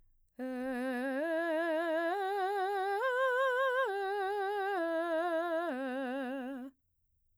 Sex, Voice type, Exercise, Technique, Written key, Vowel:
female, mezzo-soprano, arpeggios, slow/legato piano, C major, e